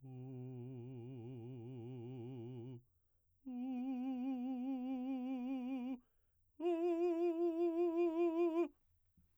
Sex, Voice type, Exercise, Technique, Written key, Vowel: male, baritone, long tones, trillo (goat tone), , u